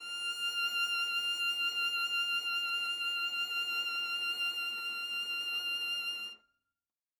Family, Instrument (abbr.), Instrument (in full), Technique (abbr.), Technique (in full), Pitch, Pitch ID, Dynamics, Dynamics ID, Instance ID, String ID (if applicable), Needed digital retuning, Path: Strings, Va, Viola, ord, ordinario, F6, 89, ff, 4, 0, 1, FALSE, Strings/Viola/ordinario/Va-ord-F6-ff-1c-N.wav